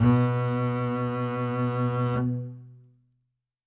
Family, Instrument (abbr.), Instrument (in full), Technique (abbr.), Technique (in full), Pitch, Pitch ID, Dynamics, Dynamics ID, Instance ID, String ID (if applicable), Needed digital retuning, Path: Strings, Cb, Contrabass, ord, ordinario, B2, 47, ff, 4, 1, 2, FALSE, Strings/Contrabass/ordinario/Cb-ord-B2-ff-2c-N.wav